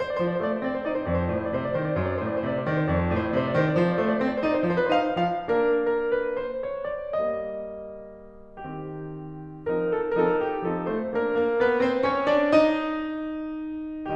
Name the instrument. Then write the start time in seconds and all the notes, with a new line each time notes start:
piano
0.00 C5
0.05 C5 D5
0.14 D5
0.19 F3 C5
0.24 D5
0.29 C5
0.35 D5
0.44 A3 C5
0.49 D5
0.57 C5
0.63 D5
0.68 C4 C5
0.73 D5
0.78 C5
0.84 D5
0.88 D#4 C5
0.93 C5 D5
1.00 D5
1.06 F2 C5
1.17 D5
1.22 C5
1.28 D5
1.32 A2 C5
1.40 D5
1.50 C5
1.56 D5
1.60 C3 C5
1.65 D5
1.71 C5
1.75 D#3 C5 D5
1.82 D5
1.88 C5
1.93 D5
1.97 F#2 C5
2.03 D5
2.08 C5
2.15 D5
2.23 A2 C5
2.29 D5
2.33 C5
2.40 D5
2.46 C3 C5
2.52 D5
2.58 C5
2.64 D5
2.68 D#3 C5
2.74 C5 D5
2.83 D5
2.89 F2 C5
2.94 D5
3.02 C5
3.07 D5
3.12 A2 C5
3.18 D5
3.24 C5
3.30 D5
3.36 C3 C5
3.42 D5
3.52 C5
3.58 D5
3.65 D#3 C5
3.70 D5
3.76 C5
3.82 D5
3.87 F3 C5
3.92 C5 D5
4.01 D5
4.08 A3 C5
4.13 D5
4.18 C5
4.24 D5
4.28 C4 C5
4.34 D5
4.39 C5
4.44 D5
4.49 D#4 C5
4.54 D5
4.60 C5
4.64 D5
4.69 F3 C5
4.75 D5
4.79 B4
4.85 C5
4.91 D#4 F5
5.24 F3 F5
5.50 A#3 D4 A#4
5.76 A#4
6.12 B4
6.34 C5
6.70 C#5
6.92 D5
7.19 G3 A#3 D#5
8.59 D#3 C4 G4
10.09 F3 C4 D#4 A#4
10.29 A4
10.48 F3 C4 D#4 A4 A#4
10.66 G4
10.84 F3 C4 D#4 A4
11.01 A3 C5
11.27 A#2 A#3 D4 A#4
11.47 A#3 A#4
11.64 B3 B4
11.84 C4 C5
12.12 C#4 C#5
12.35 D4 D5
12.57 D#4 D#5